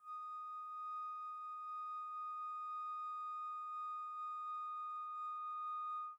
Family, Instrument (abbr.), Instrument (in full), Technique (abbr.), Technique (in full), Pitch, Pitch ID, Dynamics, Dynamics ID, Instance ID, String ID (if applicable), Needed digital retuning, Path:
Winds, Fl, Flute, ord, ordinario, D#6, 87, pp, 0, 0, , FALSE, Winds/Flute/ordinario/Fl-ord-D#6-pp-N-N.wav